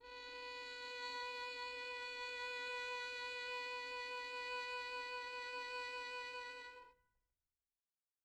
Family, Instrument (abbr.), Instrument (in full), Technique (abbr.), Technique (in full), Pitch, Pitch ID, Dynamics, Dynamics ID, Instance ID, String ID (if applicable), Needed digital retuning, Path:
Strings, Vn, Violin, ord, ordinario, B4, 71, mf, 2, 2, 3, FALSE, Strings/Violin/ordinario/Vn-ord-B4-mf-3c-N.wav